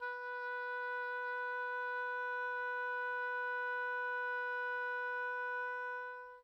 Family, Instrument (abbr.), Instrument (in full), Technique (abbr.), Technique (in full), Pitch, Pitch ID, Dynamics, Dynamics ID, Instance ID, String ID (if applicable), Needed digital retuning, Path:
Winds, Ob, Oboe, ord, ordinario, B4, 71, pp, 0, 0, , FALSE, Winds/Oboe/ordinario/Ob-ord-B4-pp-N-N.wav